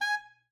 <region> pitch_keycenter=80 lokey=79 hikey=80 tune=7 volume=17.094118 offset=109 ampeg_attack=0.004000 ampeg_release=1.500000 sample=Aerophones/Reed Aerophones/Tenor Saxophone/Staccato/Tenor_Staccato_Main_G#4_vl2_rr2.wav